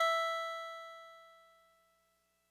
<region> pitch_keycenter=64 lokey=63 hikey=66 tune=-1 volume=13.016908 lovel=66 hivel=99 ampeg_attack=0.004000 ampeg_release=0.100000 sample=Electrophones/TX81Z/Clavisynth/Clavisynth_E3_vl2.wav